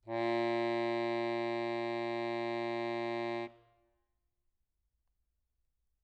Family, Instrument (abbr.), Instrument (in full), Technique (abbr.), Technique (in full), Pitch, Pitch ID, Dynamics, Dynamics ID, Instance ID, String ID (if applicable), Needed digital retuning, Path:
Keyboards, Acc, Accordion, ord, ordinario, A#2, 46, mf, 2, 3, , FALSE, Keyboards/Accordion/ordinario/Acc-ord-A#2-mf-alt3-N.wav